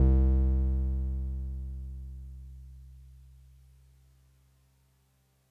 <region> pitch_keycenter=36 lokey=35 hikey=38 volume=7.660734 lovel=100 hivel=127 ampeg_attack=0.004000 ampeg_release=0.100000 sample=Electrophones/TX81Z/Piano 1/Piano 1_C1_vl3.wav